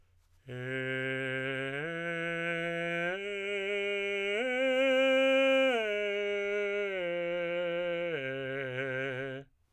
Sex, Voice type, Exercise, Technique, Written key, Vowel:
male, tenor, arpeggios, straight tone, , e